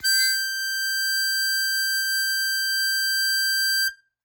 <region> pitch_keycenter=91 lokey=90 hikey=93 volume=5.655453 trigger=attack ampeg_attack=0.100000 ampeg_release=0.100000 sample=Aerophones/Free Aerophones/Harmonica-Hohner-Super64/Sustains/Accented/Hohner-Super64_Accented_G5.wav